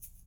<region> pitch_keycenter=62 lokey=62 hikey=62 volume=20.302164 seq_position=2 seq_length=2 ampeg_attack=0.004000 ampeg_release=30.000000 sample=Idiophones/Struck Idiophones/Shaker, Small/Mid_ShakerDouble_Down_rr1.wav